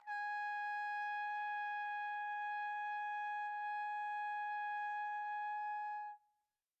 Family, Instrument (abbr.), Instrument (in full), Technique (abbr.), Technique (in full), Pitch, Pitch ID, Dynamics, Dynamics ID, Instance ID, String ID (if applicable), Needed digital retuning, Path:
Brass, TpC, Trumpet in C, ord, ordinario, G#5, 80, pp, 0, 0, , TRUE, Brass/Trumpet_C/ordinario/TpC-ord-G#5-pp-N-T23d.wav